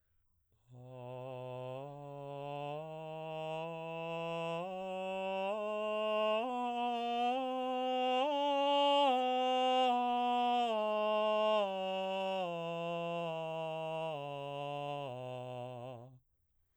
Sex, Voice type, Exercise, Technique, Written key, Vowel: male, baritone, scales, straight tone, , a